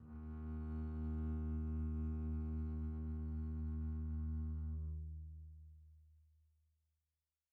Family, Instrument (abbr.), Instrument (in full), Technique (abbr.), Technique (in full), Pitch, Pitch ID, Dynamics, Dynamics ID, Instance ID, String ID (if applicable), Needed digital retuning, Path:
Strings, Cb, Contrabass, ord, ordinario, D#2, 39, pp, 0, 1, 2, FALSE, Strings/Contrabass/ordinario/Cb-ord-D#2-pp-2c-N.wav